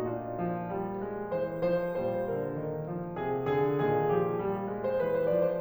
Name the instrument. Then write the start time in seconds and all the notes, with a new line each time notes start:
piano
0.00 A#2 D4 F4
0.38 F3
0.71 G3
1.10 G#3
1.42 E3 C5
1.73 F3 C5
2.07 A#2 G3 C5
2.41 D3 A#4
2.68 D#3
2.90 F3
3.19 C3 G#4
3.49 D3 G#4
3.81 A#2 D#3 G#4
4.11 F3 G4
4.40 G3
4.70 G#3
4.84 C5
5.00 E3 B4
5.15 C5
5.32 F3 D5
5.45 C5